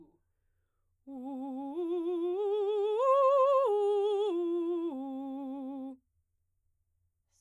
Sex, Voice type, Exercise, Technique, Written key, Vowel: female, soprano, arpeggios, slow/legato forte, C major, u